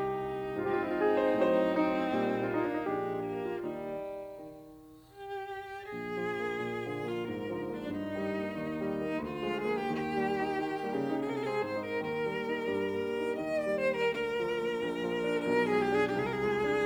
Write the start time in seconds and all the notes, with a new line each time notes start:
0.00 C2 D#4 G4
0.74 G#2 F3 C4 D#4 F4
0.80 G4
0.86 F4
0.93 E4
1.01 F4
1.10 G#4
1.28 C5
1.46 A2 F#3 C5
1.85 C4 D#4
2.11 A#2 G3
2.45 A#3 F4
2.54 D#4
2.64 D4
2.71 D#4
2.81 A#1 A#2 G#3 D4 G4
3.18 A#3
3.38 F4
3.56 D#2 G3 D#4
4.26 D#3
5.14 G4
5.93 A#1 G#4
6.16 F3
6.41 A#3
6.58 A#2
6.84 D3 F3
7.02 A#3
7.08 F4
7.26 G#2 A#4
7.49 D3 F3
7.71 A#3
7.77 D4
7.95 G2 D#4
8.16 D#3 G3
8.38 A#3
8.59 D#2
8.84 D#3 G3
9.08 A#3
9.16 D2 F4
9.39 F3 G#3
9.51 G#4
9.64 A#3
9.71 G4
9.90 D#2 G4
10.17 G3 A#3
10.40 D#4
10.62 D#3
10.86 G3 A#3
10.96 C#3
11.05 D#4
11.26 C3 G#4
11.33 A#4
11.39 G#4
11.45 G4
11.51 G#3 C4 G#4
11.63 G#2 C5
11.73 D#4
11.80 A#4
11.98 D#2 D#3 A#4
12.21 G3 A#3
12.46 D#4
12.71 G2 G3
12.95 A#3
13.19 D#4
13.36 D#2 D#3 D#5
13.55 D5
13.62 G3
13.71 C5
13.84 A#3
13.91 A#4
14.09 D2 D3 A#4
14.34 F3
14.56 A#3
14.81 A#1 A#2
15.05 F3
15.29 D4
15.52 B1 B2 A#4
15.60 G#4
15.73 F3 G#3
15.81 G4
15.93 D4
15.99 G#4
16.15 C2 C3 G4
16.20 G#4
16.25 A#4
16.31 G#4
16.37 F3 G#3
16.61 D4